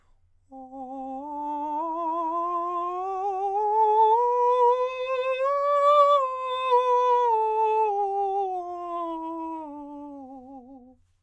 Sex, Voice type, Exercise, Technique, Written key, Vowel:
male, countertenor, scales, vibrato, , o